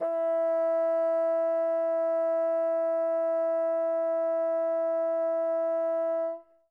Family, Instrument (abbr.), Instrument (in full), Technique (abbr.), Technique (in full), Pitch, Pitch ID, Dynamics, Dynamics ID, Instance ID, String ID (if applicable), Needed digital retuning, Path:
Winds, Bn, Bassoon, ord, ordinario, E4, 64, mf, 2, 0, , FALSE, Winds/Bassoon/ordinario/Bn-ord-E4-mf-N-N.wav